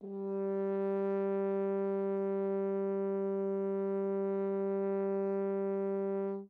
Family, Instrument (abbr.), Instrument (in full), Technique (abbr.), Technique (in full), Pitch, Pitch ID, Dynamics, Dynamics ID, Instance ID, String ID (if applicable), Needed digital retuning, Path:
Brass, Hn, French Horn, ord, ordinario, G3, 55, mf, 2, 0, , FALSE, Brass/Horn/ordinario/Hn-ord-G3-mf-N-N.wav